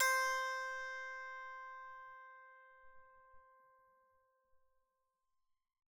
<region> pitch_keycenter=72 lokey=72 hikey=73 tune=-6 volume=10.726364 ampeg_attack=0.004000 ampeg_release=15.000000 sample=Chordophones/Zithers/Psaltery, Bowed and Plucked/Pluck/BowedPsaltery_C4_Main_Pluck_rr1.wav